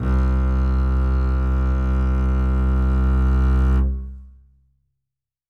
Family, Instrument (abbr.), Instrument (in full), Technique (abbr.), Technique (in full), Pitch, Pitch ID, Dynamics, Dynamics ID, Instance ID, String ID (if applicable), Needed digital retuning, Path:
Strings, Cb, Contrabass, ord, ordinario, C2, 36, ff, 4, 3, 4, FALSE, Strings/Contrabass/ordinario/Cb-ord-C2-ff-4c-N.wav